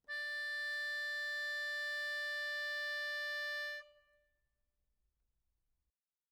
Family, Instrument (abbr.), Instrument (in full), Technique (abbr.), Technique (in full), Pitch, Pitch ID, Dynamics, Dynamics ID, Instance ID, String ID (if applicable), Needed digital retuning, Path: Keyboards, Acc, Accordion, ord, ordinario, D5, 74, mf, 2, 0, , FALSE, Keyboards/Accordion/ordinario/Acc-ord-D5-mf-N-N.wav